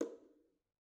<region> pitch_keycenter=61 lokey=61 hikey=61 volume=22.559064 offset=212 lovel=0 hivel=65 seq_position=1 seq_length=2 ampeg_attack=0.004000 ampeg_release=15.000000 sample=Membranophones/Struck Membranophones/Bongos/BongoH_HitMuted1_v1_rr1_Mid.wav